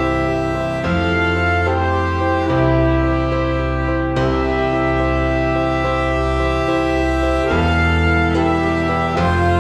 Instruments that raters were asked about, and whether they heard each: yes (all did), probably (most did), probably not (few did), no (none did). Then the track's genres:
violin: probably
accordion: no
Soundtrack; Ambient Electronic; Unclassifiable